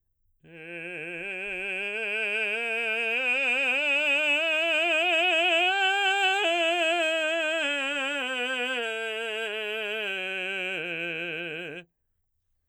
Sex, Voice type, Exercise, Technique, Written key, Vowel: male, baritone, scales, slow/legato forte, F major, e